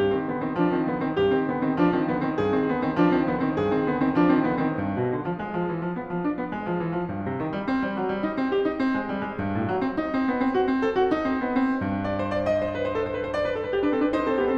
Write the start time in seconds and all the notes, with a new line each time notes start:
0.00 G2 G4
0.14 D#3 C4
0.29 D3 B3
0.43 D#3 C4
0.60 F3 D4
0.77 D#3 C4
0.91 D3 B3
1.03 D#3 C4
1.18 G2 G4
1.37 D#3 C4
1.52 D3 B3
1.64 D#3 C4
1.75 F3 D4
1.90 D#3 C4
2.07 D3 B3
2.21 D#3 C4
2.37 G2 G#4
2.55 D#3 C4
2.69 D3 B3
2.83 D#3 C4
2.96 F3 D4
3.10 D#3 C4
3.25 D3 B3
3.39 D#3 C4
3.55 G2 G#4
3.70 D#3 C4
3.87 D3 B3
4.02 D#3 C4
4.17 F3 D4
4.33 D#3 C4
4.48 D3 B3
4.63 D#3 C4
4.78 G2
4.96 B2
5.12 D3
5.25 F3
5.36 G#3
5.50 F3
5.67 E3
5.79 F3
5.94 B3
6.07 F3
6.25 D4
6.39 B3
6.51 G#3
6.68 F3
6.82 E3
6.94 F3
7.09 G2
7.28 C3
7.41 D#3
7.55 G3
7.70 C4
7.81 G3
7.98 F#3
8.09 G3
8.21 D#4
8.38 C4
8.52 G4
8.64 D#4
8.82 C4
8.99 G#3
9.15 G3
9.29 G#3
9.39 G2
9.54 A2
9.71 F#3
9.85 C4
10.00 D#4
10.17 C4
10.30 B3
10.43 C4
10.54 F#4
10.68 C4
10.82 A4
10.94 F#4
11.11 D#4
11.25 C4
11.38 B3
11.58 C4
11.92 G2
12.05 D5
12.18 C5
12.32 D5
12.48 D#5
12.61 C5
12.77 B4
12.86 C5
12.95 A4
13.06 C5
13.17 B4
13.25 C5
13.33 D5
13.44 B4
13.57 A4
13.64 B4
13.73 G4
13.85 D4 B4
13.94 C4 A4
14.06 D4 B4
14.18 D#4 C5
14.26 C4 A4
14.36 B3 G4
14.47 C4 A4